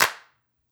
<region> pitch_keycenter=60 lokey=60 hikey=60 volume=1.178450 seq_position=5 seq_length=6 ampeg_attack=0.004000 ampeg_release=2.000000 sample=Idiophones/Struck Idiophones/Claps/Clap_rr2.wav